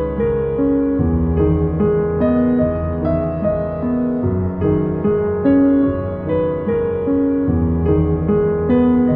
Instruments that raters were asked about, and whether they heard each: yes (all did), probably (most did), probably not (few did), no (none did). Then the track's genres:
piano: yes
guitar: probably not
Classical; Soundtrack; Ambient; Composed Music; Contemporary Classical